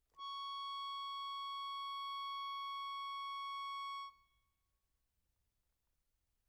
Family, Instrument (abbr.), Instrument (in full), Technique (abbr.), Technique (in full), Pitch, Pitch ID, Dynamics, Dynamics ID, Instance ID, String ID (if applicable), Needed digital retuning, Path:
Keyboards, Acc, Accordion, ord, ordinario, C#6, 85, mf, 2, 2, , TRUE, Keyboards/Accordion/ordinario/Acc-ord-C#6-mf-alt2-T10d.wav